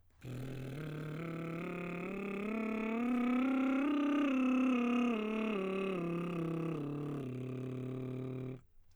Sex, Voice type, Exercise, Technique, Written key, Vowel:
male, baritone, scales, lip trill, , e